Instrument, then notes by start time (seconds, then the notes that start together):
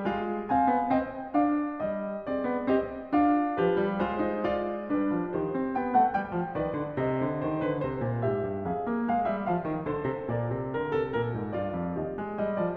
piano
0.00 G#3 F4
0.50 C4 D#5 G#5
0.72 B3
0.98 C4 D5 G5
1.36 D4 C5 F5
1.79 G3 D#5
2.28 C4 G#4 D5
2.48 B3
2.69 C4 G4 D#5
3.15 D4 F4 F5
3.58 F3 G4 B4
3.76 G3
4.02 G#3 F4 C5
4.25 D#4
4.46 F4 D5
4.90 G3 D4 B4
5.11 F3
5.29 D#3 G4 C5
5.54 C4
5.75 B3 G5
5.93 A3 F#5
6.13 G3 G5
6.35 F3
6.54 D#3 B4 D5
6.76 D3
6.93 C3 C5 D#5
7.20 D3
7.42 D#3 C5
7.59 D3 B4
7.79 C3 C5
8.01 A#2
8.29 G#2 G4 E5
8.51 G2
8.71 F2 G#4 F5
8.89 A#3
9.07 G#3 F5
9.29 G3 E5
9.45 F3 F5
9.66 D#3
9.86 D3 A4 C5
10.04 C3
10.26 A#2 A#4 D5
10.53 C3
10.75 D3 A#4
10.92 C3 G#4
11.13 A#2 A#4
11.38 G#2
11.59 G2 F4 D5
11.80 F2
11.99 D#2 G4 D#5
12.17 G#3
12.42 G3 D#5
12.59 F3 D5